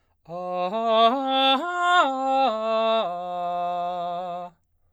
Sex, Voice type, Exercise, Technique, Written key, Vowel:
male, baritone, arpeggios, slow/legato forte, F major, a